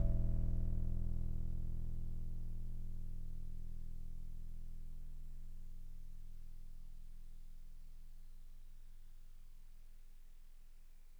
<region> pitch_keycenter=28 lokey=27 hikey=30 tune=-2 volume=16.489965 lovel=0 hivel=65 ampeg_attack=0.004000 ampeg_release=0.100000 sample=Electrophones/TX81Z/FM Piano/FMPiano_E0_vl1.wav